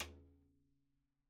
<region> pitch_keycenter=60 lokey=60 hikey=60 volume=16.250529 seq_position=2 seq_length=2 ampeg_attack=0.004000 ampeg_release=30.000000 sample=Membranophones/Struck Membranophones/Snare Drum, Rope Tension/RopeSnare_sidestick_Main_vl2_rr2.wav